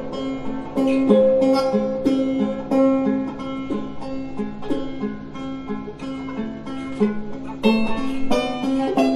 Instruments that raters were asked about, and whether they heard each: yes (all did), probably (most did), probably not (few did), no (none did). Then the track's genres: mandolin: yes
ukulele: probably
synthesizer: no
Folk; Soundtrack; Experimental